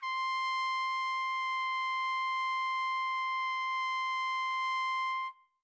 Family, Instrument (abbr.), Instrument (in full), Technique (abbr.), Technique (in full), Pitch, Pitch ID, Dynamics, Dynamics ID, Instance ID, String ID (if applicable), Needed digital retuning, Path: Brass, TpC, Trumpet in C, ord, ordinario, C6, 84, mf, 2, 0, , TRUE, Brass/Trumpet_C/ordinario/TpC-ord-C6-mf-N-T11u.wav